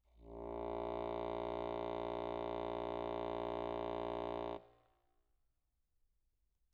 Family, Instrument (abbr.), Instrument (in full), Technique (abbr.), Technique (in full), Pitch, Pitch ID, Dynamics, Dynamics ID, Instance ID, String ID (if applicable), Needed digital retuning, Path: Keyboards, Acc, Accordion, ord, ordinario, A#1, 34, mf, 2, 0, , FALSE, Keyboards/Accordion/ordinario/Acc-ord-A#1-mf-N-N.wav